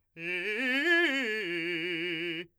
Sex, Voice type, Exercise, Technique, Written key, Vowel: male, , arpeggios, fast/articulated forte, F major, i